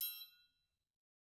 <region> pitch_keycenter=67 lokey=67 hikey=67 volume=16.323636 offset=184 lovel=84 hivel=127 seq_position=2 seq_length=2 ampeg_attack=0.004000 ampeg_release=30.000000 sample=Idiophones/Struck Idiophones/Triangles/Triangle3_HitM_v2_rr2_Mid.wav